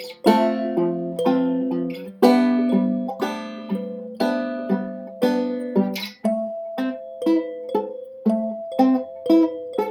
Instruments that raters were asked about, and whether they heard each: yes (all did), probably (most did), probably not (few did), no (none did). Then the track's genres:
ukulele: probably not
mandolin: yes
Folk; Soundtrack; Experimental